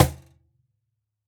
<region> pitch_keycenter=60 lokey=60 hikey=60 volume=-4.891563 lovel=100 hivel=127 seq_position=2 seq_length=2 ampeg_attack=0.004000 ampeg_release=30.000000 sample=Idiophones/Struck Idiophones/Cajon/Cajon_hit1_fff_rr1.wav